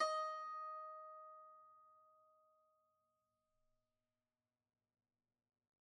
<region> pitch_keycenter=75 lokey=75 hikey=76 volume=15.373498 lovel=0 hivel=65 ampeg_attack=0.004000 ampeg_release=0.300000 sample=Chordophones/Zithers/Dan Tranh/Normal/D#4_mf_1.wav